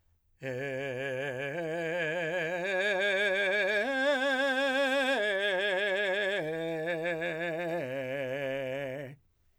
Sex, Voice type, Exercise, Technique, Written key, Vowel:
male, , arpeggios, vibrato, , e